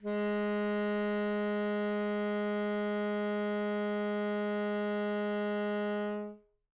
<region> pitch_keycenter=56 lokey=56 hikey=57 volume=17.850437 offset=75 lovel=0 hivel=83 ampeg_attack=0.004000 ampeg_release=0.500000 sample=Aerophones/Reed Aerophones/Tenor Saxophone/Non-Vibrato/Tenor_NV_Main_G#2_vl2_rr1.wav